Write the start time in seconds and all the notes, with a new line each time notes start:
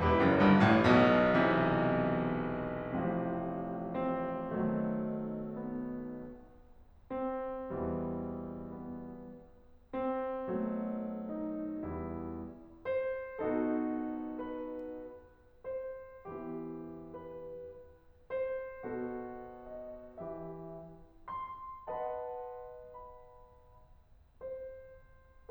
0.01 E1 E2 E4 G4 B4
0.21 F#1 F#2
0.40 G1 G2
0.66 A1 A2
0.86 B1 B2
1.39 C3 E3
3.01 A1 A2 C3 F3
3.96 C4
4.56 B1 B2 D#3 F#3 A3
5.37 B3
7.06 C4
7.74 E2 B2 E3 G3
8.67 B3
9.93 C4
10.50 B1 B2 F#3 A3
11.31 D#4
11.89 E2 G3 E4
12.87 C5
13.43 B2 B3 D#4 F#4 A4
14.39 B4
15.64 C5
16.28 E3 B3 E4 G4
17.13 B4
18.34 C5
18.86 B2 B3 F#4 A4
19.70 D#5
20.17 E3 G4 E5
21.30 C6
21.89 B4 D#5 F#5 A5
22.87 B5
24.42 C5